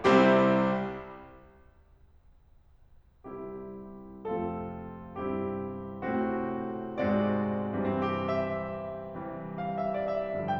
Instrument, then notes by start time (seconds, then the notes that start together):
piano
0.00 C2 C3 G3 C4 E4 G4
3.26 C2 C3 G3 C4 E4 G4
4.26 F2 C3 F3 A3 C4 F4 A4
5.19 G2 C3 G3 C4 E4 G4
6.07 A2 C3 A3 C4 F#4
6.88 G#2 C3 G#3 C4 F#4 D5
7.77 G2 C3 E3 G3 C4
7.89 G4
8.37 E5
9.33 C3 E3 G3 F5
9.59 E5
9.98 D5
10.29 E5